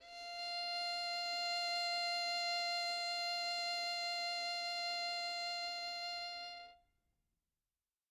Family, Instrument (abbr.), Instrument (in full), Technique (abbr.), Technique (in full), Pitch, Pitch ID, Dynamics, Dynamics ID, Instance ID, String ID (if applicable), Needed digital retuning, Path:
Strings, Vn, Violin, ord, ordinario, F5, 77, mf, 2, 1, 2, FALSE, Strings/Violin/ordinario/Vn-ord-F5-mf-2c-N.wav